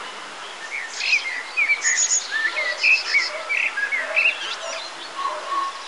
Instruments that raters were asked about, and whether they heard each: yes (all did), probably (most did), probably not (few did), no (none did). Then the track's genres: flute: no
Field Recordings